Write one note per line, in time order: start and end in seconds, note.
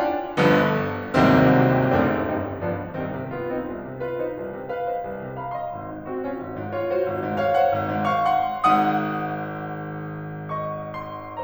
0.00 0.37 D4
0.00 0.37 F4
0.00 0.37 G5
0.38 0.73 G1
0.38 0.73 G2
0.38 0.73 D3
0.38 0.73 F3
0.38 0.73 B3
1.15 1.90 G#1
1.15 1.90 C2
1.15 1.90 D#2
1.15 1.90 G#2
1.15 1.90 C3
1.15 1.90 D#3
1.15 1.90 F#3
1.15 1.90 C4
1.92 2.25 F#1
1.92 2.25 F#2
1.92 2.25 A3
1.92 2.25 C4
1.92 2.25 D4
2.25 2.59 G1
2.25 2.59 G2
2.25 2.59 G3
2.25 2.59 C4
2.25 2.59 D#4
2.60 2.98 G1
2.60 2.98 G2
2.60 2.98 F3
2.60 2.98 B3
2.60 2.98 D4
2.98 3.15 C2
2.98 3.31 D#3
2.98 3.31 G3
2.98 3.31 C4
3.16 3.31 C3
3.31 3.48 B3
3.31 3.48 F4
3.48 3.62 C4
3.48 3.62 D#4
3.63 3.80 C2
3.80 3.99 C3
3.99 4.18 F4
3.99 4.18 B4
4.18 4.33 D#4
4.18 4.33 C5
4.33 4.50 C2
4.54 4.69 C3
4.69 4.88 B4
4.69 4.88 F5
4.88 5.05 C5
4.88 5.05 D#5
5.06 5.20 C2
5.20 5.36 C3
5.36 5.53 F5
5.36 5.53 B5
5.54 5.75 D#5
5.54 5.75 C6
5.75 5.91 G#1
5.91 6.08 G#2
6.10 6.26 C4
6.10 6.26 F#4
6.26 6.36 C#4
6.26 6.36 F4
6.36 6.54 G#1
6.55 6.71 G#2
6.71 6.87 F4
6.71 6.87 C#5
6.87 7.05 F#4
6.87 7.05 C5
7.05 7.21 G#1
7.21 7.40 G#2
7.41 7.57 C#5
7.41 7.57 F5
7.57 7.76 C5
7.57 7.76 F#5
7.76 7.93 G#1
7.94 8.12 G#2
8.12 8.42 F5
8.12 8.42 C#6
8.42 8.72 F#5
8.42 8.72 C6
8.74 11.44 G#1
8.74 11.44 G#2
8.74 10.53 F#5
8.74 10.53 D#6
10.55 11.44 D#5
10.55 10.99 C#6
10.99 11.44 C6